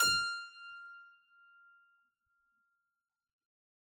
<region> pitch_keycenter=89 lokey=89 hikey=89 volume=-0.172685 trigger=attack ampeg_attack=0.004000 ampeg_release=0.400000 amp_veltrack=0 sample=Chordophones/Zithers/Harpsichord, Unk/Sustains/Harpsi4_Sus_Main_F5_rr1.wav